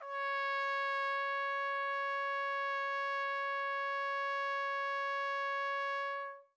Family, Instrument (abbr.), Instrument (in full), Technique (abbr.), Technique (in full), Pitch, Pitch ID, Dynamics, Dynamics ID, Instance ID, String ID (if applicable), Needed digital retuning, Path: Brass, TpC, Trumpet in C, ord, ordinario, C#5, 73, mf, 2, 0, , TRUE, Brass/Trumpet_C/ordinario/TpC-ord-C#5-mf-N-T17u.wav